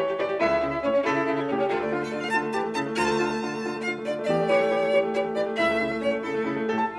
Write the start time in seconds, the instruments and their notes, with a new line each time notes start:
0.00 piano E3 C#5, violin A3 G4
0.12 violin A3 G4
0.22 piano E3 D5, violin A3 G4
0.31 violin A3 G4
0.42 piano C#2 E5, violin A3 E4
0.51 violin A3 E4
0.60 piano C#3, violin A3 E4
0.71 violin A3 E4
0.86 piano A2 C#5, violin C#4
0.96 violin C#4
1.09 piano C#3 A4, violin A3 E4
1.18 violin A3 E4
1.29 piano C#3, violin A3 E4
1.39 violin A3 E4
1.49 piano A2 G4, violin C#4
1.59 violin C#4
1.71 piano D2 F4, violin A3
1.81 piano A3, violin D4
1.90 piano D3 F4, violin F4
2.01 piano A3, violin A4
2.11 piano D3 F4, violin D5
2.21 piano A3, violin F5
2.32 piano D3 F4, violin A5
2.43 piano A3
2.53 piano E3 G4, violin A5
2.64 piano A3
2.73 piano C#3 E4, violin A5
2.86 piano A3
2.98 piano D2 F4, violin A5
3.09 piano A3
3.19 piano D3 F4
3.29 piano A3
3.38 piano D3 F4
3.48 piano A3
3.58 piano D3 F4
3.68 piano A3
3.77 piano D3 F4, violin F5
3.87 piano A3
3.97 piano D3 F4, violin D5
4.08 piano A3
4.12 violin E5
4.18 piano E2 G4, violin D5
4.33 piano A3
4.45 piano E3 G4, violin C#5
4.55 piano A3
4.64 piano E3 G4
4.76 piano A3
4.86 piano E3 G4
4.99 piano A3
5.13 piano E3 G4, violin C#5
5.25 piano A3
5.34 piano E3 G4, violin D5
5.43 piano A3
5.53 piano C#2 E4, violin E5
5.68 piano A3
5.80 piano C#3 E4
5.91 piano A3
6.01 piano A2 C#4, violin C#5
6.14 piano A3
6.29 piano C#3 E4, violin A4
6.41 piano A3
6.52 piano C#3 E4
6.64 piano A3
6.76 piano A2 A4, violin G4
6.90 piano A5